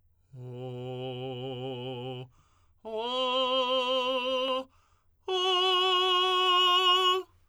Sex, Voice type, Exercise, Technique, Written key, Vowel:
male, tenor, long tones, straight tone, , o